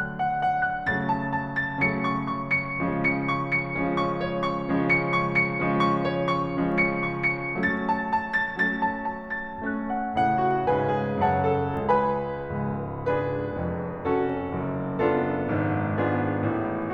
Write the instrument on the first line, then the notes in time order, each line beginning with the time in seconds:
piano
0.00 D3 F#3 A3 D4 F#6
0.20 F#5
0.38 F#5
0.57 F#6
0.93 C#3 F#3 A3 C#4 A6
1.14 A5
1.29 A5
1.61 A6
1.81 C#3 F#3 A3 C#4 C#7
2.04 C#6
2.24 C#6
2.46 C#7
2.73 C#3 F3 G#3 C#4
2.96 C#7
3.15 C#6
3.34 C#7
3.65 C#3 F3 G#3 C#4
3.84 C#6
4.09 C#5
4.28 C#6
4.52 C#3 F3 G#3 C#4
4.74 C#7
5.07 C#6
5.36 C#7
5.58 C#3 F3 G#3 C#4
5.80 C#6
6.07 C#5
6.29 C#6
6.50 C#3 F3 G#3 C#4
6.69 C#7
6.86 C#6
7.20 C#7
7.56 F#3 A3 C#4 A6
7.87 A5
8.09 A5
8.34 A6
8.63 F#3 A3 C#4 A6
8.87 A5
9.04 A5
9.23 A6
9.60 A3 C#4 F#6
9.91 F#5
10.23 A2 C#3 A3 F#5
10.52 F#4
10.73 G#2 C#3 G#3 B4 F5 G#5
10.98 G#4
11.23 F#2 C#3 F#3 C#5 F#5 A5
11.49 A4
11.82 C#2 C#3 B4 G#5 B5
12.45 C#1 C#2
13.06 D4 G#4 B4
13.56 F1 F2
14.01 C#4 F#4 A4
14.51 F#1 F#2
15.03 B3 D4 F4 A4
15.51 G#1 G#2
16.01 B3 D4 F4 G#4
16.54 A1 A2